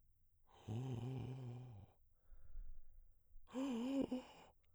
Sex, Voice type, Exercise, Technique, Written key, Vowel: male, baritone, long tones, inhaled singing, , o